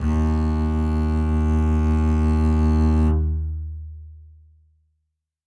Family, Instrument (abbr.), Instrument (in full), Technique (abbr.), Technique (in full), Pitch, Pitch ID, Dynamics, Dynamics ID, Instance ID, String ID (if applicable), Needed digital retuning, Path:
Strings, Cb, Contrabass, ord, ordinario, D#2, 39, ff, 4, 1, 2, FALSE, Strings/Contrabass/ordinario/Cb-ord-D#2-ff-2c-N.wav